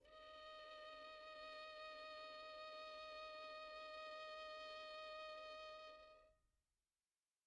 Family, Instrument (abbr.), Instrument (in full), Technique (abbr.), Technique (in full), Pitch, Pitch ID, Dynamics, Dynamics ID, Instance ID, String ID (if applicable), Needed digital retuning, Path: Strings, Vn, Violin, ord, ordinario, D#5, 75, pp, 0, 2, 3, FALSE, Strings/Violin/ordinario/Vn-ord-D#5-pp-3c-N.wav